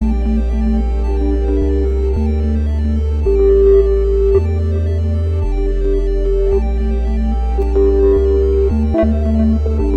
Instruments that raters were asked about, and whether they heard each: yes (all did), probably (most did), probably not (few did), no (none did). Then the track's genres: synthesizer: yes
Ambient Electronic